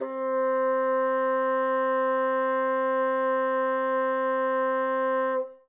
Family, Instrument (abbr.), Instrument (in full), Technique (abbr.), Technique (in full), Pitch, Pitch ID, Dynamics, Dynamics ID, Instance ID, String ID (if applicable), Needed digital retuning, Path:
Winds, Bn, Bassoon, ord, ordinario, C4, 60, ff, 4, 0, , FALSE, Winds/Bassoon/ordinario/Bn-ord-C4-ff-N-N.wav